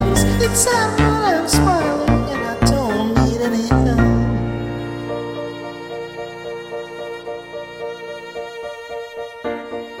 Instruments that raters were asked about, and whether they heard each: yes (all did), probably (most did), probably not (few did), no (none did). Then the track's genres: violin: yes
Electronic; Experimental Pop